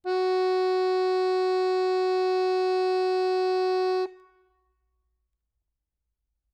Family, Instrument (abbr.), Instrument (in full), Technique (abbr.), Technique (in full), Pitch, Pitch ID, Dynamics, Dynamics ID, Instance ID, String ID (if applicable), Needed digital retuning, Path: Keyboards, Acc, Accordion, ord, ordinario, F#4, 66, ff, 4, 2, , FALSE, Keyboards/Accordion/ordinario/Acc-ord-F#4-ff-alt2-N.wav